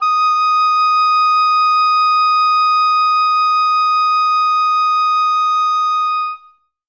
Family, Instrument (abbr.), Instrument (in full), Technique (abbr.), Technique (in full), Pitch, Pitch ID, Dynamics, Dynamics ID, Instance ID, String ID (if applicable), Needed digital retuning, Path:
Winds, Ob, Oboe, ord, ordinario, D#6, 87, ff, 4, 0, , FALSE, Winds/Oboe/ordinario/Ob-ord-D#6-ff-N-N.wav